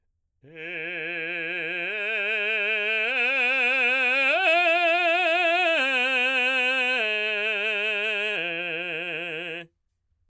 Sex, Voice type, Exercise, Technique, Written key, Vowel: male, baritone, arpeggios, slow/legato forte, F major, e